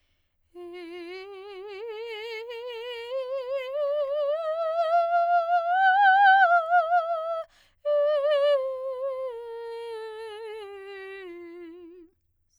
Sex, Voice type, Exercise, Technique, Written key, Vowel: female, soprano, scales, slow/legato piano, F major, e